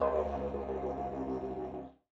<region> pitch_keycenter=61 lokey=61 hikey=61 volume=5.000000 ampeg_attack=0.004000 ampeg_release=1.000000 sample=Aerophones/Lip Aerophones/Didgeridoo/Didgeridoo1_BarkDown2_Main.wav